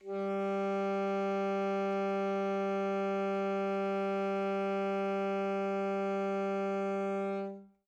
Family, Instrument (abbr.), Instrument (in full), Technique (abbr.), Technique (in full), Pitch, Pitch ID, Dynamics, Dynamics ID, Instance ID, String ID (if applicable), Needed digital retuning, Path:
Winds, ASax, Alto Saxophone, ord, ordinario, G3, 55, mf, 2, 0, , FALSE, Winds/Sax_Alto/ordinario/ASax-ord-G3-mf-N-N.wav